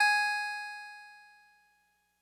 <region> pitch_keycenter=68 lokey=67 hikey=70 tune=-1 volume=6.367377 lovel=100 hivel=127 ampeg_attack=0.004000 ampeg_release=0.100000 sample=Electrophones/TX81Z/Clavisynth/Clavisynth_G#3_vl3.wav